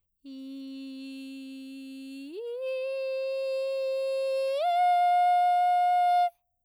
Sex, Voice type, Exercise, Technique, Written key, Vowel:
female, soprano, long tones, straight tone, , i